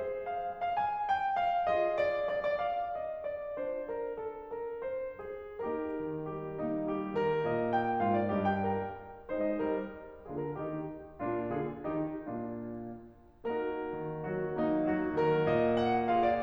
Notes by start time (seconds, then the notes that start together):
0.00 G#4 C5
0.26 F5
0.50 F5
0.77 F5
0.82 G#5
1.06 G5
1.34 F5
1.70 F4 G#4 D#5
1.96 D5
2.26 D5
2.57 D5
2.64 F5
2.97 D#5
3.26 D5
3.55 D4 F4 C5
3.90 A#4
4.16 A4
4.48 A#4
4.84 C5
5.27 G#4
5.61 A#3 D#4 G4 A#4
5.99 D#3
6.28 G3 G4
6.63 A#3 D#4
6.88 G3 G4
7.16 D#3 A#4
7.48 A#2 D#5
7.72 G5
8.03 G#2 F4 F5
8.21 D5
8.36 G2 G4 D#5
8.50 G5
8.71 A#4
9.33 G#3 D#4 C5
9.46 D#5
9.58 G3 A#4
10.26 D3 A#3 F4 G#4
10.41 A#4
10.54 D#3 D#4 G4
11.19 A#2 A#3 D4 F4
11.47 D3 F4 G#4
11.81 D#3 A#3 D#4 G4
12.17 A#2 A#3 D4 F4
13.46 A#3 D#4 F#4 A#4
13.94 D#3
14.27 F#3 F#4
14.56 A#3 D#4
14.87 F#3 F#4
15.15 D#3 A#4
15.48 A#2 D#5
15.85 F#5
16.10 F4 G#4 F5
16.25 D5